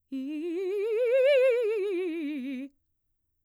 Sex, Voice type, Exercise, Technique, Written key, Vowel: female, mezzo-soprano, scales, fast/articulated piano, C major, i